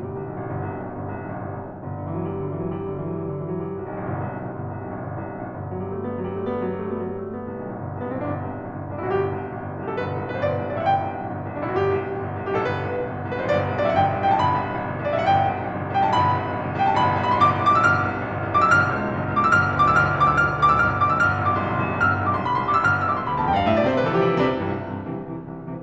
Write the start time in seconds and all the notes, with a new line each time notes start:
0.00 G1 B2 D3 G3
0.13 C2
0.22 B1
0.33 A1
0.43 G1
0.56 C2
0.66 B1
0.85 A1
0.98 G1
1.11 C2
1.24 B1
1.31 A1
1.42 G1
1.53 C2
1.63 B1
1.74 A1
1.83 G1
1.95 D3
2.04 E3
2.21 F#3
2.33 G3
2.43 D3
2.55 E3
2.67 F#3
2.77 G3
2.88 D3
2.98 E3
3.10 F#3
3.19 G3
3.27 D3
3.38 E3
3.48 F#3
3.59 G3
3.75 C2
3.85 B1
4.01 A1
4.14 G1
4.27 C2
4.42 B1
4.50 A1
4.60 G1
4.71 C2
4.83 B1
4.93 A1
5.06 G1
5.18 C2
5.32 B1
5.43 A1
5.56 G1
5.69 F#3
5.83 G3
5.93 A3
6.03 B3
6.12 F#3
6.22 G3
6.33 A3
6.44 B3
6.62 F#3
6.73 G3
6.85 A3
6.95 B3
7.05 F#3
7.16 G3
7.27 A3
7.37 B3
7.47 C2
7.56 B1
7.69 A1
7.80 G1
7.94 C2
8.05 B1 B3
8.15 A1 C4
8.28 G1 D4
8.39 C2
8.56 B1
8.65 A1
8.75 G1
8.87 C2
8.99 B1 D4
9.06 A1 E4
9.14 F#4
9.20 G1 G4
9.33 C2
9.44 B1
9.53 A1
9.61 G1
9.72 C2
9.81 B1 G4
9.94 A1 A4
10.01 G1 B4
10.12 C2
10.22 B1 B4
10.33 A1 C5
10.46 G1 D5
10.55 C2
10.65 B1 D5
10.75 A1 E5
10.84 F#5
10.95 G1 G5
11.05 C2
11.16 B1
11.24 A1
11.32 G1
11.42 C2
11.56 B1 D4
11.63 A1 E4
11.69 F#4
11.80 G1 G4
11.95 C2
12.03 B1
12.13 A1
12.23 G1
12.35 C2
12.47 B1 G4
12.56 A1 A4
12.67 G1 B4
12.81 C2
12.96 B1
13.08 A1
13.22 G1
13.31 C2
13.39 B1 B4
13.46 A1 C5
13.56 G1 D5
13.66 C2
13.77 B1 D5
13.86 E5
13.91 A1 F#5
14.01 G1 G5
14.12 C2
14.21 B1 G5
14.34 A1 A5
14.45 G1 B5
14.57 C2
14.73 B1
14.81 A1
14.88 G1
14.99 C2
15.08 B1 D5
15.15 A1 E5
15.21 F#5
15.28 G1 G5
15.44 C2
15.53 B1
15.64 A1
15.74 G1
15.86 C2
15.96 B1 G5
16.08 A1 A5
16.18 G1 B5
16.34 C2
16.46 B1
16.57 A1
16.65 G1
16.75 C2
16.83 B1 G5
16.95 A1 A5
17.06 G1 B5
17.15 C2
17.24 B1 B5
17.33 A1 C6
17.44 G1 D6
17.54 C2
17.64 B1 D6
17.76 A1 E6
17.89 G1 F6
17.97 C#2
18.10 B1
18.19 A1
18.31 G1
18.41 C#2
18.51 B1 D6
18.61 A1 E6
18.70 G1 F6
18.82 C#2
18.92 B1
19.02 A1
19.14 G1
19.27 C#2
19.37 B1 D6
19.45 A1 E6
19.55 G1 F6
19.67 D2
19.76 B1 D6
19.85 A1 E6
19.97 G1 F6
20.06 D2
20.18 B1 D6
20.29 A1 E6
20.38 G1 F6
20.49 D2
20.58 B1 D6
20.74 A1 E6
20.83 G1 F6
20.92 D2
21.04 B1 D6
21.15 A1 E6
21.27 G1 F6
21.39 A1 E6
21.48 B1 D6
21.58 C2 C6
21.69 D2 B5
21.78 C2 C6
21.88 B1 D6
21.98 A1 E6
22.08 G1 F6
22.18 A1 E6
22.26 B1 D6
22.35 C2 C6
22.45 D2 B5
22.56 C2 C6
22.64 B1 D6
22.74 A1 E6
22.85 G1 F6
23.05 A1 E6
23.10 B1 D6
23.20 C2 C6
23.29 D2 B5
23.37 E2 A5
23.48 F2 G5
23.58 G2 F5
23.66 A2 E5
23.75 B2 D5
23.85 C3 C5
23.96 D3 B4
24.07 E3 A4
24.16 F3 G4
24.25 G3 F4
24.32 C3 E4
24.53 C2 G2 C3 E3
24.69 C2 G2 C3 E3
24.89 C2 G2 C3 E3
25.10 C2 G2 C3 E3
25.32 C2 G2 C3 E3
25.47 C2 G2 C3 E3
25.61 C2 G2 C3 E3